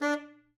<region> pitch_keycenter=62 lokey=62 hikey=63 tune=8 volume=14.972777 lovel=84 hivel=127 ampeg_attack=0.004000 ampeg_release=1.500000 sample=Aerophones/Reed Aerophones/Tenor Saxophone/Staccato/Tenor_Staccato_Main_D3_vl2_rr5.wav